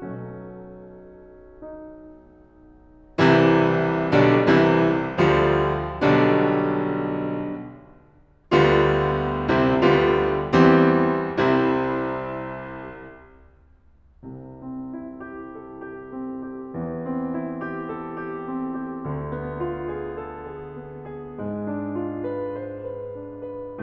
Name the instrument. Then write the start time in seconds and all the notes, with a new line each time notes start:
piano
0.00 B1 B2 F#3 A3 C#4
1.63 D#4
3.24 C2 C3 E3 G3 E4
4.18 B1 B2 D3 G3 D4
4.52 C2 C3 E3 G3 E4
5.15 D2 D3 F3 G3 F4
6.12 B1 B2 D3 G3 D4
8.54 D2 D3 G3 B3 F4
9.50 C2 C3 G3 C4 E4
9.82 D2 D3 G3 B3 F4
10.51 E2 E3 G3 C4 G4
11.15 C2 C3 G3 C4 E4
13.19 C2 C3
14.45 C4
14.94 E4
15.37 G4
15.69 A4
16.03 G4
16.25 C4
16.47 G4
16.73 E2 E3
17.08 C4
17.37 E4
17.67 G4
17.96 A4
18.25 G4
18.46 C4
18.76 G4
19.04 D2 D3
19.38 B3
19.66 F4
19.97 G#4
20.25 A4
20.61 G#4
20.84 B3
21.05 G#4
21.34 G#2 G#3
21.66 D4
21.97 F4
22.23 B4
22.52 C5
22.76 B4
23.14 D4
23.52 B4